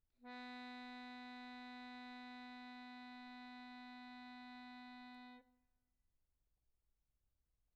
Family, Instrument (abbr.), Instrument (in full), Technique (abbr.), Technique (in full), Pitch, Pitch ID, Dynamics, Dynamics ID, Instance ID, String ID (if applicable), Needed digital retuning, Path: Keyboards, Acc, Accordion, ord, ordinario, B3, 59, pp, 0, 2, , FALSE, Keyboards/Accordion/ordinario/Acc-ord-B3-pp-alt2-N.wav